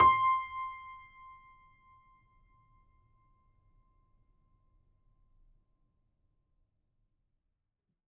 <region> pitch_keycenter=84 lokey=84 hikey=85 volume=3.444454 lovel=100 hivel=127 locc64=0 hicc64=64 ampeg_attack=0.004000 ampeg_release=0.400000 sample=Chordophones/Zithers/Grand Piano, Steinway B/NoSus/Piano_NoSus_Close_C6_vl4_rr1.wav